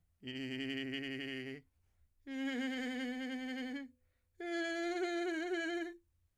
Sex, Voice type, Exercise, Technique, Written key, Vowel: male, , long tones, trillo (goat tone), , i